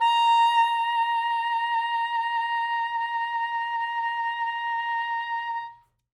<region> pitch_keycenter=82 lokey=81 hikey=84 tune=2 volume=11.351061 ampeg_attack=0.004000 ampeg_release=0.500000 sample=Aerophones/Reed Aerophones/Saxello/Vibrato/Saxello_SusVB_MainSpirit_A#4_vl2_rr1.wav